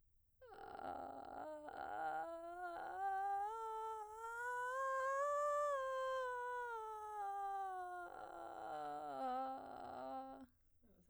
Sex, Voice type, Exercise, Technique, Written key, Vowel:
female, soprano, scales, vocal fry, , a